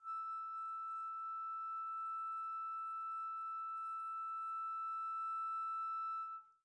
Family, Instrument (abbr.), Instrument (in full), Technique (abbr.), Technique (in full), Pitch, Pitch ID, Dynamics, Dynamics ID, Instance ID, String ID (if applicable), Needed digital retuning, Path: Winds, Fl, Flute, ord, ordinario, E6, 88, pp, 0, 0, , FALSE, Winds/Flute/ordinario/Fl-ord-E6-pp-N-N.wav